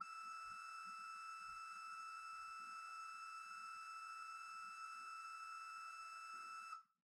<region> pitch_keycenter=88 lokey=88 hikey=89 ampeg_attack=0.004000 ampeg_release=0.300000 amp_veltrack=0 sample=Aerophones/Edge-blown Aerophones/Renaissance Organ/8'/RenOrgan_8foot_Room_E5_rr1.wav